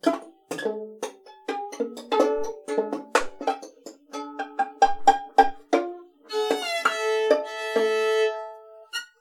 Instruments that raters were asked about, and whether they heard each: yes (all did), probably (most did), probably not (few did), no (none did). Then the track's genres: mandolin: yes
ukulele: probably
banjo: probably not
Avant-Garde; Soundtrack; Noise; Psych-Folk; Experimental; Free-Jazz; Freak-Folk; Unclassifiable; Musique Concrete; Improv; Sound Art; Contemporary Classical; Instrumental